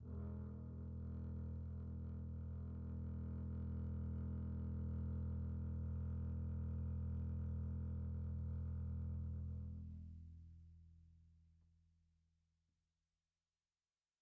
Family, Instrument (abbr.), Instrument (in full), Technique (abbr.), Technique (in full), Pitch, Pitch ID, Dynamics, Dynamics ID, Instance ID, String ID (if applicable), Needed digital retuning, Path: Strings, Cb, Contrabass, ord, ordinario, E1, 28, pp, 0, 3, 4, FALSE, Strings/Contrabass/ordinario/Cb-ord-E1-pp-4c-N.wav